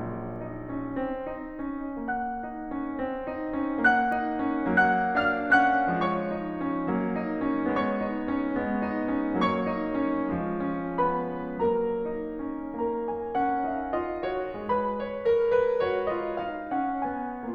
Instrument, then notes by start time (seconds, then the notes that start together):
piano
0.00 A#1 F#3 A#3
0.42 D#4
0.75 C#4
1.03 C4
1.32 D#4
1.82 C#4
2.10 A#3 F#5 F#6
2.41 D#4
2.73 C#4
3.00 C4
3.26 D#4
3.54 C#4
3.84 A#3 F#5 F#6
4.19 D#4
4.48 C#4
4.77 F#3 A#3 F#5 F#6
5.25 D4 F5 F6
5.51 C#4 F#5 F#6
5.93 F3 G#3 C#5 C#6
6.34 D#4
6.64 C#4
6.92 F#3 A#3
7.15 D#4
7.48 C#4
7.78 G#3 B3 C#5 C#6
8.09 D#4
8.34 C#4
8.57 G#3 B3
8.89 D#4
9.11 C#4
9.44 F#3 A#3 C#5 C#6
9.66 D#4
10.02 C#4
10.41 F3 G#3
10.76 D#4
11.01 C#4 B4 B5
11.60 F#3 A#3 A#4 A#5
11.88 D#4
12.35 C#4
12.81 A#3 A#4 A#5
13.08 B3 G#5
13.32 C#4 F#5
13.68 D#4 F5
13.92 F4 D#5
14.23 F#4 C#5
14.66 G#3 G#4 B4 B5
14.98 C#5
15.26 A#4
15.51 B4
15.79 F#4 C#5
16.09 F4 D#5
16.46 D#4 F5
16.81 C#4 F#5
17.12 B3 G#5